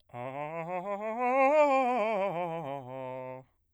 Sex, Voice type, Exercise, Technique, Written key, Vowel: male, bass, scales, fast/articulated piano, C major, a